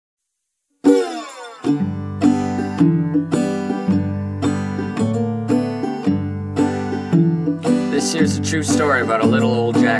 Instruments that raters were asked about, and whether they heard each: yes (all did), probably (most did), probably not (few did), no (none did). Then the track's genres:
mallet percussion: no
ukulele: probably
Folk; Punk